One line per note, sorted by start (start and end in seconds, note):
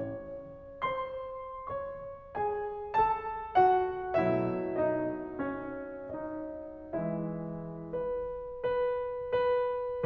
0.01 0.82 C#4
0.01 0.82 C#5
0.83 1.68 C5
0.83 1.68 C6
1.69 2.32 C#5
1.69 2.32 C#6
2.33 2.92 G#4
2.33 2.92 G#5
2.94 3.55 A4
2.94 3.55 A5
3.57 4.16 F#4
3.57 4.16 F#5
4.19 6.94 B2
4.19 6.94 F#3
4.19 6.94 A3
4.19 4.84 E4
4.19 4.84 E5
4.87 5.37 D#4
4.87 5.37 D#5
5.39 6.11 C#4
5.39 6.11 C#5
6.15 6.94 D#4
6.15 6.94 D#5
6.96 8.18 E3
6.96 8.18 G#3
6.96 7.59 E4
6.96 7.59 E5
7.61 8.18 B4
8.20 8.85 B4
8.88 10.05 B4